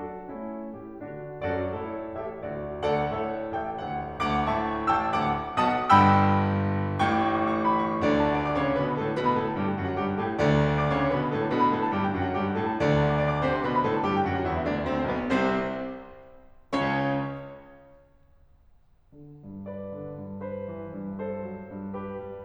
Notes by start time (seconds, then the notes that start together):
0.00 F#3 D4 F#4 A4
0.21 A3
0.62 A2 E4 G4
0.95 D3 D4 F#4
1.42 F#2 F#4 A4 D5
1.78 G2 E4 A4 C#5
2.21 A1 G4 A4 E5
2.43 D2 F#4 A4 D5
2.88 D2 A4 D5 F#5
3.13 A2 A4 C#5 E5
3.56 A1 A4 E5 G5
3.78 D2 A4 D5 F#5
4.23 D2 F#5 A5 D6
4.48 A2 E5 A5 C#6
4.91 A1 G5 A5 E6
5.15 D2 F#5 A5 D6
5.60 B1 B2 F#5 A5 D#6
5.89 G1 G2 G5 B5 E6
7.07 A1 A2 G5 C#6 D6
7.16 C#6 D6
7.22 C#6 D6
7.29 C#6
7.35 D6
7.40 C#6
7.44 C#6 D6
7.50 C#6 D6
7.58 C#6 D6
7.67 D6
7.73 C#6 D6
7.83 C#6
7.87 C#6 D6
7.94 D6
7.99 B5
8.03 C#6
8.08 D2 D3 D5
8.20 F#5
8.30 A5
8.42 D6
8.51 D5
8.58 D6
8.67 C#3 C#5
8.73 C#6
8.80 B2 B4
8.86 B5
8.95 A2 A4
9.07 A5
9.16 B2 B4
9.25 B5
9.40 A2 A4
9.49 A5
9.58 G2 G4
9.67 G5
9.79 F#2 F#4
9.87 F#5
9.97 G2 G4
10.07 G5
10.19 A2 A4
10.32 A5
10.41 D2 D3 D5
10.52 F#5
10.61 A5
10.70 D6
10.80 D5
10.89 D6
10.96 C#3 C#5
11.05 C#6
11.13 B2 B4
11.22 B5
11.32 A2 A4
11.44 A5
11.49 B2 B4
11.59 B5
11.71 A2 A4
11.80 A5
11.90 G2 G4
12.04 G5
12.16 F#2 F#4
12.27 F#5
12.38 G2 G4
12.47 G5
12.57 A2 A4
12.65 A5
12.75 D2 D3 D5
12.84 F#5
12.95 A5
13.06 D6
13.22 D5
13.36 D6
13.48 C3 C5
13.57 C6
13.65 B2 B4
13.75 B5
13.85 A2 A4
13.93 A5
14.02 G2 G4
14.12 G5
14.22 F#2 F#4
14.33 F#5
14.42 E2 E4
14.51 E5
14.63 D2 D4
14.77 D5
14.86 C2 C3 C4
14.97 C5
15.06 B1 B2 B3
15.15 B4
15.24 C2 C3 C4 C5
16.75 C#2 C#3 C#4 C#5
19.14 D3
19.46 G2
19.69 B4 D5
19.92 D3
20.12 G2
20.45 B4 C5
20.68 E3
20.93 G2
21.19 A4 C5
21.47 F#3
21.70 G2
21.97 G4 B4
22.27 G3